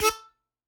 <region> pitch_keycenter=69 lokey=68 hikey=70 tune=16 volume=2.262859 seq_position=1 seq_length=2 ampeg_attack=0.004000 ampeg_release=0.300000 sample=Aerophones/Free Aerophones/Harmonica-Hohner-Special20-F/Sustains/Stac/Hohner-Special20-F_Stac_A3_rr1.wav